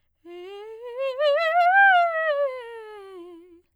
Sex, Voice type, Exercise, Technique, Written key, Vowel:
female, soprano, scales, fast/articulated piano, F major, e